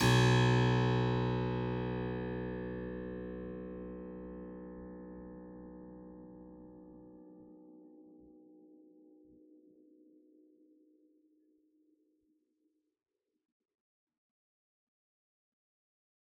<region> pitch_keycenter=35 lokey=35 hikey=35 volume=-1.528505 trigger=attack ampeg_attack=0.004000 ampeg_release=0.400000 amp_veltrack=0 sample=Chordophones/Zithers/Harpsichord, Unk/Sustains/Harpsi4_Sus_Main_B0_rr1.wav